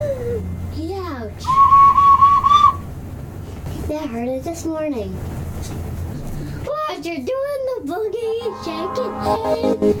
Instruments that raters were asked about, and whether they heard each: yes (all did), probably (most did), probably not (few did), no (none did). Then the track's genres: flute: yes
Indie-Rock